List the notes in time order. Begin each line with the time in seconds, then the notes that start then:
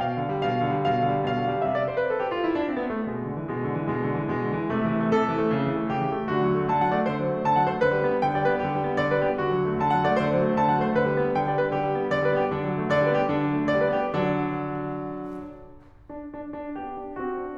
0.00 B2 F5
0.20 D3
0.39 G3
0.53 B2 F5
0.64 D3
0.77 G3
0.91 B2 F5
1.02 D3
1.17 G3
1.29 B2 F5
1.39 D3
1.47 G3
1.57 C3 E5
1.70 D5
1.81 C5
2.00 B4
2.11 A4
2.21 G4
2.33 F4
2.45 E4
2.60 D4
2.73 C4
2.83 B3
2.94 A3
3.12 B2 G#3
3.26 D3
3.39 E3
3.55 B2 G#3
3.67 D3
3.76 E3
3.88 B2 G#3
4.04 D3
4.16 E3
4.26 B2 G#3
4.41 D3
4.53 E3
4.69 C3 A3
4.84 E3
4.98 A3
5.11 C3 A4
5.25 E3
5.36 A3
5.49 C#3
5.64 E3
5.77 A3
5.87 C#3 G4
6.00 E3
6.14 A3
6.27 D3 F#4
6.42 F#3
6.52 A3
6.71 D3 A5
6.86 F#3 F#5
6.99 A3 D5
7.11 D3 C5
7.23 F#3
7.34 A3
7.45 D3 A5
7.56 F#3 F#5
7.73 A3 C5
7.86 D3 B4
7.98 G3
8.15 B3
8.22 D3 G5
8.34 G3 D5
8.49 B3 B4
8.61 D3 G4
8.70 G3
8.85 B3
8.97 D3 D5
9.11 G3 B4
9.22 B3 G4
9.38 D3 F#4
9.51 F#3
9.64 A3
9.80 D3 A5
9.95 F#3 F#5
10.07 A3 D5
10.19 D3 C5
10.34 F#3
10.44 A3
10.57 D3 A5
10.69 F#3 F#5
10.82 A3 C5
10.95 D3 B4
11.10 G3
11.25 B3
11.35 D3 G5
11.46 G3 D5
11.60 B3 B4
11.73 D3 G4
11.87 G3
12.02 B3
12.14 D3 D5
12.26 G3 B4
12.35 B3 G4
12.52 D3 D4
12.65 F#3
12.81 A3
12.93 D3 D5
13.06 G3 B4
13.14 B3 G4
13.25 D3 D4
13.37 F#3
13.53 A3
13.66 D3 D5
13.82 G3 B4
14.00 B3 G4
14.28 D3 F#3 D4
15.99 D4
16.31 D4
16.54 D4
16.75 B3 G4
17.00 D4
17.21 C4 F#4
17.41 D4